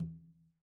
<region> pitch_keycenter=61 lokey=61 hikey=61 volume=24.360980 lovel=0 hivel=65 seq_position=2 seq_length=2 ampeg_attack=0.004000 ampeg_release=15.000000 sample=Membranophones/Struck Membranophones/Conga/Conga_HitN_v1_rr2_Sum.wav